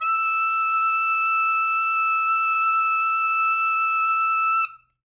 <region> pitch_keycenter=88 lokey=86 hikey=89 volume=5.897013 lovel=84 hivel=127 ampeg_attack=0.004000 ampeg_release=0.500000 sample=Aerophones/Reed Aerophones/Saxello/Non-Vibrato/Saxello_SusNV_MainSpirit_E5_vl3_rr1.wav